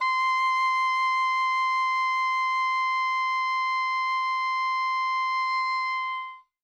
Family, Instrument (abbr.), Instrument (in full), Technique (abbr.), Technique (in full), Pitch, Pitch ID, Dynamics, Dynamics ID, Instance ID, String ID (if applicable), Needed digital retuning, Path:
Winds, Ob, Oboe, ord, ordinario, C6, 84, ff, 4, 0, , FALSE, Winds/Oboe/ordinario/Ob-ord-C6-ff-N-N.wav